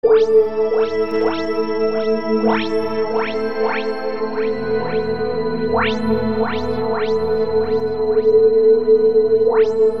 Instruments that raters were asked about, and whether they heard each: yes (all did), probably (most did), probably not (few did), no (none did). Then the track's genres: bass: no
mallet percussion: no
Experimental; Ambient